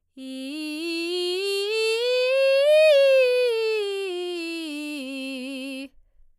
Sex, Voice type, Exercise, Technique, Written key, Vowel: female, soprano, scales, belt, , i